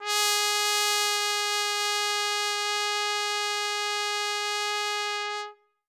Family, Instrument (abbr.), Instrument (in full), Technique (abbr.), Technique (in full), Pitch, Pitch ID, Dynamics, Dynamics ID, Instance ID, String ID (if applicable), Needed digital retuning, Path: Brass, TpC, Trumpet in C, ord, ordinario, G#4, 68, ff, 4, 0, , FALSE, Brass/Trumpet_C/ordinario/TpC-ord-G#4-ff-N-N.wav